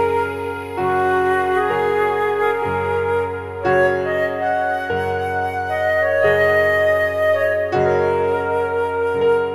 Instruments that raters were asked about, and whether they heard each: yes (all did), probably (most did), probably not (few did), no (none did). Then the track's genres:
drums: no
accordion: no
clarinet: no
flute: yes
Experimental; Ambient